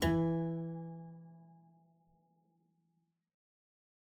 <region> pitch_keycenter=52 lokey=52 hikey=53 volume=1.148020 trigger=attack ampeg_attack=0.004000 ampeg_release=0.350000 amp_veltrack=0 sample=Chordophones/Zithers/Harpsichord, English/Sustains/Lute/ZuckermannKitHarpsi_Lute_Sus_E2_rr1.wav